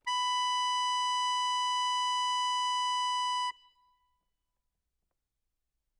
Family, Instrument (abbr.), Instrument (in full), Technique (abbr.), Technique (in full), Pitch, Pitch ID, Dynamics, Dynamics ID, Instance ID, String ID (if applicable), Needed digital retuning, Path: Keyboards, Acc, Accordion, ord, ordinario, B5, 83, ff, 4, 0, , FALSE, Keyboards/Accordion/ordinario/Acc-ord-B5-ff-N-N.wav